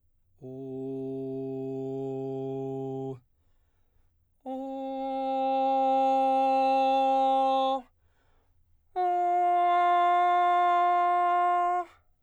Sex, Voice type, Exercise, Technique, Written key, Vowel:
male, baritone, long tones, straight tone, , o